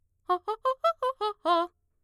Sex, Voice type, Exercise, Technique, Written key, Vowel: female, mezzo-soprano, arpeggios, fast/articulated piano, F major, a